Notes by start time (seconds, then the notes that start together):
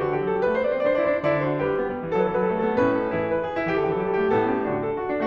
0.01 D3 F#4
0.15 E3 G4
0.28 F#3 A4
0.42 G3 B4
0.54 A3 C5
0.59 D5
0.64 B3 C5
0.69 D5
0.75 C4 C5
0.81 D5
0.85 D4 C5
0.90 E4 C5 D5
0.98 D5
1.03 D4 C5
1.10 D5
1.17 D3 E4 C5
1.21 D5
1.43 F#4 C5
1.55 D5
1.60 G3 G4 B4
1.75 B3
1.85 G3
1.99 E3
2.08 F#3 A4
2.17 B4
2.21 E3 A4
2.26 B4
2.33 F#3 A4
2.37 B4
2.43 G3 A4
2.49 B4
2.56 A3 A4
2.62 B4
2.71 B3 A4
2.77 B4
2.83 B2 C#4 A4
2.89 B4
2.97 D#4 A4
3.01 B4
3.16 E3 E4 G#4
3.30 B4
3.44 G#4
3.56 E4
3.66 E3 G4
3.72 A4
3.77 D3 G4
3.85 A4
3.90 E3 G4
3.95 A4
4.01 F#3 G4
4.06 G3 G4 A4
4.15 A4
4.22 A3 G4
4.28 A4
4.35 A2 B3 G4
4.49 A4
4.55 C#4 G4
4.60 A4
4.67 D3 D4 F#4
4.84 A4
4.96 F#4
5.16 D4